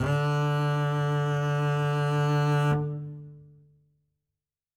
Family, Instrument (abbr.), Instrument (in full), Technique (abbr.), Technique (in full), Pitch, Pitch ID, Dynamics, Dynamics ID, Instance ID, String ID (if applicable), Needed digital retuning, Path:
Strings, Cb, Contrabass, ord, ordinario, D3, 50, ff, 4, 1, 2, FALSE, Strings/Contrabass/ordinario/Cb-ord-D3-ff-2c-N.wav